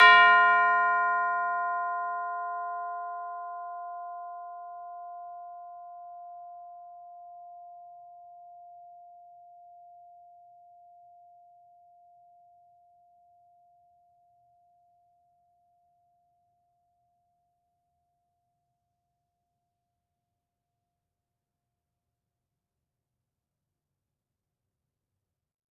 <region> pitch_keycenter=65 lokey=65 hikey=66 volume=3.233612 lovel=84 hivel=127 ampeg_attack=0.004000 ampeg_release=30.000000 sample=Idiophones/Struck Idiophones/Tubular Bells 2/TB_hit_F4_v4_1.wav